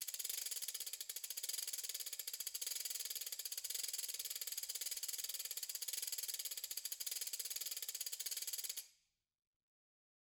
<region> pitch_keycenter=65 lokey=65 hikey=65 volume=15.000000 offset=186 ampeg_attack=0.004000 ampeg_release=1.000000 sample=Idiophones/Struck Idiophones/Ratchet/Ratchet2_Slow_rr1_Mid.wav